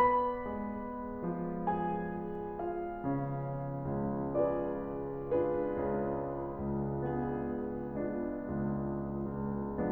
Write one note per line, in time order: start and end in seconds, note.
0.00 1.60 B4
0.00 1.60 B5
0.48 1.60 G#3
0.48 1.60 G#4
1.27 2.59 F3
1.27 2.59 F4
1.61 2.59 G#4
1.61 2.59 G#5
2.60 4.39 F4
2.60 4.39 F5
3.07 4.39 C#4
3.95 5.46 C#2
3.95 4.39 C#3
4.41 5.46 F4
4.41 5.46 G#4
4.41 5.46 B4
4.41 5.46 D5
5.46 7.21 D4
5.46 7.21 F4
5.46 7.21 G#4
5.46 7.21 B4
5.82 7.21 C#3
6.82 7.21 C#2
7.22 7.99 B3
7.22 7.99 D4
7.22 7.99 F4
7.22 7.99 G#4
8.00 9.90 G#3
8.00 9.90 B3
8.00 9.90 D4
8.00 9.90 F4
8.41 9.50 C#2
9.50 9.90 C#2